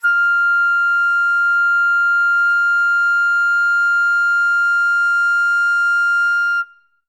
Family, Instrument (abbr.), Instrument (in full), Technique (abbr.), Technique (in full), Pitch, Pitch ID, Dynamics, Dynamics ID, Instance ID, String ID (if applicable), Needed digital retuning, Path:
Winds, Fl, Flute, ord, ordinario, F6, 89, ff, 4, 0, , TRUE, Winds/Flute/ordinario/Fl-ord-F6-ff-N-T15d.wav